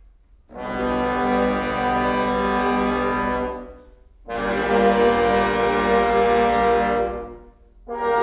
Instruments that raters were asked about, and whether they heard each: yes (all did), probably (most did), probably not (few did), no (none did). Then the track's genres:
clarinet: probably not
mallet percussion: no
trombone: probably
accordion: probably
trumpet: probably
Classical